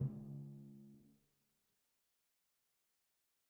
<region> pitch_keycenter=49 lokey=48 hikey=50 tune=4 volume=27.426830 lovel=0 hivel=65 seq_position=1 seq_length=2 ampeg_attack=0.004000 ampeg_release=30.000000 sample=Membranophones/Struck Membranophones/Timpani 1/Hit/Timpani3_Hit_v2_rr1_Sum.wav